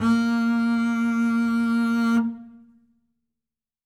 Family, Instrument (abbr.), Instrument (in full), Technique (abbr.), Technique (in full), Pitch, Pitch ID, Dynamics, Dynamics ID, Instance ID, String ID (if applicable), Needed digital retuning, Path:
Strings, Cb, Contrabass, ord, ordinario, A#3, 58, ff, 4, 0, 1, FALSE, Strings/Contrabass/ordinario/Cb-ord-A#3-ff-1c-N.wav